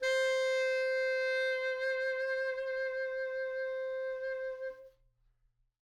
<region> pitch_keycenter=72 lokey=72 hikey=73 volume=15.509365 ampeg_attack=0.004000 ampeg_release=0.500000 sample=Aerophones/Reed Aerophones/Tenor Saxophone/Vibrato/Tenor_Vib_Main_C4_var2.wav